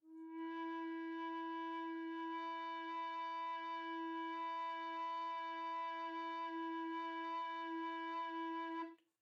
<region> pitch_keycenter=64 lokey=64 hikey=65 tune=-3 volume=16.698088 offset=1247 ampeg_attack=0.004000 ampeg_release=0.300000 sample=Aerophones/Edge-blown Aerophones/Baroque Tenor Recorder/Sustain/TenRecorder_Sus_E3_rr1_Main.wav